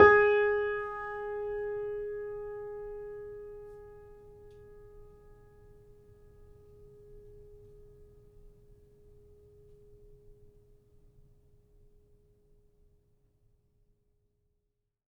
<region> pitch_keycenter=68 lokey=68 hikey=69 volume=-1.521288 lovel=66 hivel=99 locc64=0 hicc64=64 ampeg_attack=0.004000 ampeg_release=0.400000 sample=Chordophones/Zithers/Grand Piano, Steinway B/NoSus/Piano_NoSus_Close_G#4_vl3_rr1.wav